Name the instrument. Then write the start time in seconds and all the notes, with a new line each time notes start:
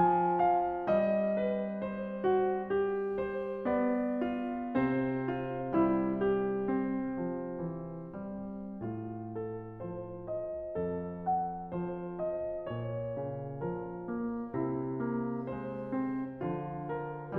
piano
0.00 F3 G#5
0.63 G5
0.88 G3
0.99 D#5
1.43 B4
1.83 C5
2.29 F#4
2.71 G4
3.19 C5
3.66 B3
3.74 D5
4.23 F4
4.81 C3 C4
5.10 C5
5.31 F4
5.79 G3 E4
6.21 G4
6.76 C4
7.14 F3
7.63 E3
8.09 G3
8.81 A2 F4
9.44 A4
9.71 F3
9.88 C5
10.27 D#5
10.79 F2 A4
11.27 F#5
11.62 F3
11.80 C5
12.20 D#5
12.78 A#2
12.86 C#5
13.06 C#3
13.63 F3 A#4
13.96 A#3
14.56 C3 E4
14.94 A#3
15.46 G#3
15.63 C5
15.98 C4
16.37 D3 F3 F4
16.88 A#4
17.29 E3 G3